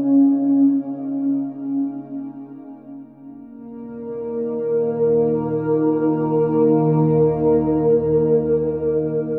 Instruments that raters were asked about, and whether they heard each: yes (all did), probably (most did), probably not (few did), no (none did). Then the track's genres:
trombone: probably not
Soundtrack; Ambient Electronic; Ambient; Minimalism; Instrumental